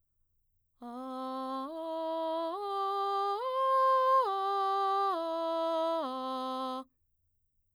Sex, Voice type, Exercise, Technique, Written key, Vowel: female, mezzo-soprano, arpeggios, straight tone, , a